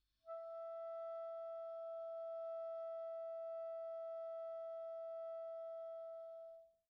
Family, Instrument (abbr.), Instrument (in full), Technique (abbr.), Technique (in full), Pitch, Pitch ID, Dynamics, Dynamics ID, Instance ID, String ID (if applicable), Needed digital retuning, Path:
Winds, ClBb, Clarinet in Bb, ord, ordinario, E5, 76, pp, 0, 0, , FALSE, Winds/Clarinet_Bb/ordinario/ClBb-ord-E5-pp-N-N.wav